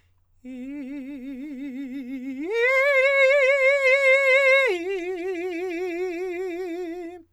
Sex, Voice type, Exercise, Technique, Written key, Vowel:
male, countertenor, long tones, trill (upper semitone), , i